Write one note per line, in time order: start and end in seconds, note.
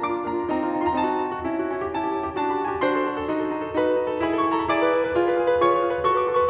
0.00 0.14 A#3
0.00 0.14 D4
0.00 0.28 D6
0.15 0.28 F4
0.28 0.38 A#3
0.28 0.38 D4
0.28 0.53 A#5
0.39 0.53 F4
0.53 0.65 C4
0.53 0.65 D#4
0.53 0.85 A#5
0.65 0.74 F4
0.75 0.85 C4
0.75 0.85 D#4
0.85 0.95 F#4
0.85 0.89 C6
0.91 0.95 A#5
0.95 1.06 C4
0.95 1.06 D#4
0.95 1.80 A5
1.07 1.17 F#4
1.17 1.28 C4
1.17 1.28 D#4
1.30 1.39 F#4
1.39 1.49 C#4
1.39 1.49 E4
1.49 1.58 F#4
1.59 1.70 C#4
1.59 1.70 E4
1.70 1.80 G4
1.81 1.90 C#4
1.81 1.90 E4
1.81 2.30 A5
1.90 2.02 G4
2.02 2.14 C#4
2.02 2.14 E4
2.15 2.30 G4
2.30 2.41 D4
2.30 2.41 F#4
2.30 2.53 A5
2.41 2.53 G4
2.53 2.66 D4
2.53 2.66 F#4
2.53 2.66 B5
2.61 2.72 A5
2.66 2.79 A4
2.66 2.79 G#5
2.72 2.79 A5
2.80 2.95 D4
2.80 2.95 F#4
2.80 3.77 C5
2.80 3.77 C6
2.95 3.05 A4
3.05 3.17 D4
3.05 3.17 F#4
3.19 3.29 A4
3.29 3.38 D#4
3.29 3.38 F#4
3.39 3.48 A4
3.48 3.65 D#4
3.48 3.65 F#4
3.65 3.77 A4
3.78 3.88 D#4
3.78 3.88 F#4
3.78 4.23 B4
3.78 4.23 B5
3.88 3.97 A4
3.98 4.08 D#4
3.98 4.08 F#4
4.08 4.23 A4
4.23 4.33 E4
4.23 4.33 G#4
4.23 4.45 B5
4.34 4.45 A4
4.45 4.56 E4
4.45 4.56 G#4
4.45 4.56 C#6
4.52 4.62 B5
4.56 4.68 B4
4.56 4.68 A#5
4.62 4.68 B5
4.69 4.79 E4
4.69 4.79 G#4
4.69 5.67 D5
4.69 5.67 D6
4.79 4.89 B4
4.90 5.05 E4
4.90 5.05 G#4
5.05 5.18 B4
5.18 5.26 F4
5.18 5.26 G#4
5.27 5.39 B4
5.39 5.54 F4
5.39 5.54 G#4
5.55 5.67 B4
5.67 5.80 F4
5.67 5.80 G#4
5.67 6.07 C#5
5.67 6.07 C#6
5.80 5.92 B4
5.92 5.99 F4
5.92 5.99 G#4
5.99 6.07 B4
6.07 6.16 F#4
6.07 6.16 A4
6.07 6.27 C#6
6.16 6.27 B4
6.27 6.37 F#4
6.27 6.37 A4
6.27 6.37 D#6
6.32 6.46 C#6
6.41 6.50 B4
6.41 6.50 C6
6.46 6.50 C#6